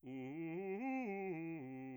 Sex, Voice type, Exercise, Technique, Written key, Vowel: male, bass, arpeggios, fast/articulated piano, C major, u